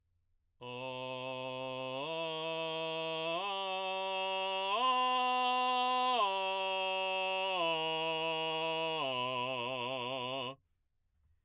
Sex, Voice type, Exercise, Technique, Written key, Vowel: male, baritone, arpeggios, belt, , o